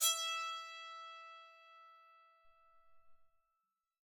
<region> pitch_keycenter=76 lokey=76 hikey=77 volume=5.726772 ampeg_attack=0.004000 ampeg_release=15.000000 sample=Chordophones/Zithers/Psaltery, Bowed and Plucked/Spiccato/BowedPsaltery_E4_Main_Spic_rr3.wav